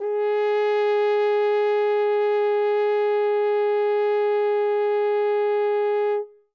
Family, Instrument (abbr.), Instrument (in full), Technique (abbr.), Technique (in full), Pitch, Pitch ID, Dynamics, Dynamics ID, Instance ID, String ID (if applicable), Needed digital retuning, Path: Brass, Hn, French Horn, ord, ordinario, G#4, 68, ff, 4, 0, , FALSE, Brass/Horn/ordinario/Hn-ord-G#4-ff-N-N.wav